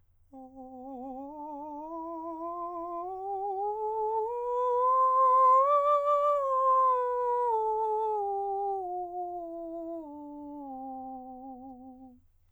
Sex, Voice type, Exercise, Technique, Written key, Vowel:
male, countertenor, scales, slow/legato piano, C major, o